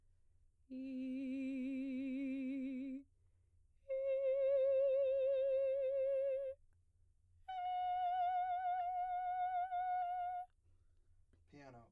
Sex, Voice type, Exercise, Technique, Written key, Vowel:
female, soprano, long tones, full voice pianissimo, , i